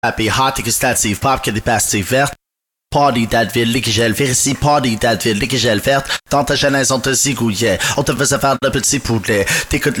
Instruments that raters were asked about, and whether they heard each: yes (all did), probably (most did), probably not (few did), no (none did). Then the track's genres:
synthesizer: no
Hip-Hop